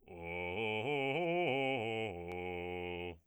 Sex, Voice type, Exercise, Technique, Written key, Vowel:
male, bass, arpeggios, fast/articulated piano, F major, o